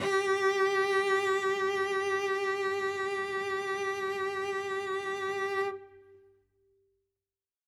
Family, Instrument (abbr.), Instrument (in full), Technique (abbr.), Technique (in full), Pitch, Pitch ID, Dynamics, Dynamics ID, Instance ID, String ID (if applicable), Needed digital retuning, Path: Strings, Vc, Cello, ord, ordinario, G4, 67, ff, 4, 1, 2, FALSE, Strings/Violoncello/ordinario/Vc-ord-G4-ff-2c-N.wav